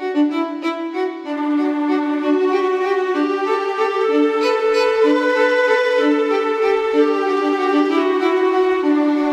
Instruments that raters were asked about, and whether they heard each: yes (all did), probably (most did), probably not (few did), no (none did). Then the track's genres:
guitar: no
flute: probably
violin: yes
Soundtrack